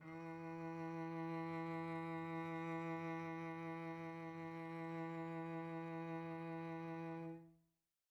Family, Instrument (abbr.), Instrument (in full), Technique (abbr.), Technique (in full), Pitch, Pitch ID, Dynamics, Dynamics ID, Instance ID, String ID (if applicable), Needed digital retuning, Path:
Strings, Vc, Cello, ord, ordinario, E3, 52, pp, 0, 2, 3, FALSE, Strings/Violoncello/ordinario/Vc-ord-E3-pp-3c-N.wav